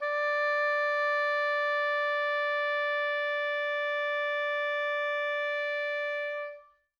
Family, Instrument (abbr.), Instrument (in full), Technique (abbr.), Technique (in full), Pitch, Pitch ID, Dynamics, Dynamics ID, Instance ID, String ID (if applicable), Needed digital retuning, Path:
Winds, Ob, Oboe, ord, ordinario, D5, 74, mf, 2, 0, , FALSE, Winds/Oboe/ordinario/Ob-ord-D5-mf-N-N.wav